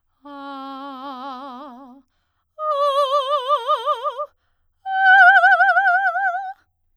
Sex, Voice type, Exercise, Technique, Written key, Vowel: female, soprano, long tones, trill (upper semitone), , a